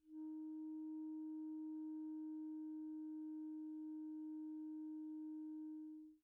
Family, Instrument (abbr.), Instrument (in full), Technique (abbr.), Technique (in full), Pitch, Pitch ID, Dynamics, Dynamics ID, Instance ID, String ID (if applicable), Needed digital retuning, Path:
Winds, ClBb, Clarinet in Bb, ord, ordinario, D#4, 63, pp, 0, 0, , TRUE, Winds/Clarinet_Bb/ordinario/ClBb-ord-D#4-pp-N-T12d.wav